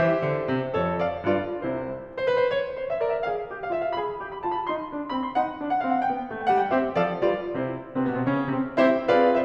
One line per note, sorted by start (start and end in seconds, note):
0.00 0.26 E3
0.00 0.73 G4
0.00 0.73 C5
0.00 1.01 E5
0.26 0.49 D3
0.49 0.73 C3
0.73 1.01 F2
0.73 1.27 A4
0.73 1.01 C#5
1.01 1.27 D5
1.01 1.27 F5
1.27 1.66 G2
1.27 1.66 F4
1.27 1.66 B4
1.27 1.66 D5
1.67 2.05 C2
1.67 2.05 C3
1.67 2.05 E4
1.67 2.05 C5
2.16 2.29 C5
2.29 2.46 B4
2.46 2.59 C5
2.59 2.82 C#5
2.82 3.05 C5
2.94 3.05 E5
3.05 3.31 A#4
3.05 3.16 D5
3.16 3.31 E5
3.31 3.49 G#4
3.31 3.49 F5
3.49 3.73 G4
3.62 3.73 F5
3.73 3.94 F4
3.73 3.83 E5
3.84 3.94 F5
3.94 4.19 G#4
3.94 4.19 B5
4.19 4.44 G4
4.32 4.44 B5
4.44 4.64 F4
4.44 4.54 A5
4.54 4.64 B5
4.64 4.86 D#4
4.64 4.86 C6
4.86 5.10 D4
4.98 5.10 C6
5.10 5.35 C4
5.10 5.22 B5
5.22 5.35 C6
5.35 5.58 D#4
5.35 5.58 F#5
5.58 5.80 D4
5.70 5.80 F#5
5.82 6.10 C4
5.82 5.93 F5
5.93 6.10 F#5
6.10 6.33 B3
6.10 6.33 G5
6.33 6.51 A3
6.41 6.51 G5
6.51 6.72 G3
6.51 6.63 F#5
6.63 6.72 G5
6.72 6.94 C4
6.72 6.94 G4
6.72 6.94 C5
6.72 6.94 E5
6.94 7.19 F3
6.94 7.19 A4
6.94 7.19 D5
6.94 7.19 F5
7.19 7.51 G3
7.19 7.51 F4
7.19 7.51 B4
7.19 7.51 D5
7.53 7.78 C3
7.53 7.78 E4
7.53 7.78 C5
7.89 8.01 C3
7.89 8.01 C4
8.01 8.16 B2
8.01 8.16 B3
8.16 8.25 C3
8.16 8.25 C4
8.25 8.49 C#3
8.25 8.49 C#4
8.49 8.59 C3
8.49 8.59 C4
8.77 9.07 C4
8.77 9.07 E4
8.77 9.07 G4
8.77 9.07 C5
8.77 9.07 E5
9.07 9.45 C4
9.07 9.32 F4
9.07 9.32 G#4
9.07 9.32 B4
9.07 9.32 D5
9.07 9.32 F5
9.32 9.45 E4
9.32 9.45 G4
9.32 9.45 C5
9.32 9.45 E5